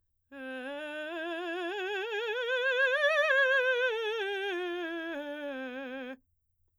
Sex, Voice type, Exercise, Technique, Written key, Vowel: female, soprano, scales, vibrato, , e